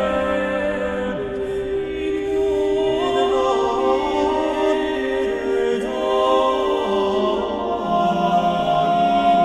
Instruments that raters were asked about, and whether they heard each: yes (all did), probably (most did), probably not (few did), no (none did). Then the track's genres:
voice: yes
bass: no
cymbals: no
mandolin: no
Choral Music